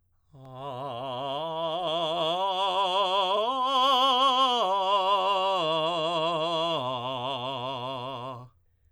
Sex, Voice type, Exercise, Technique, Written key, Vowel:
male, tenor, arpeggios, vibrato, , a